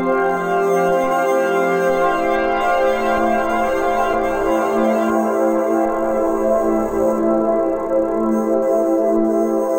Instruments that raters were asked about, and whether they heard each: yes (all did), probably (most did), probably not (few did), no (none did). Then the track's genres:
trombone: no
trumpet: no
organ: probably not
Electronic; Ambient